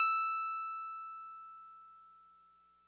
<region> pitch_keycenter=100 lokey=99 hikey=102 volume=14.874242 lovel=0 hivel=65 ampeg_attack=0.004000 ampeg_release=0.100000 sample=Electrophones/TX81Z/FM Piano/FMPiano_E6_vl1.wav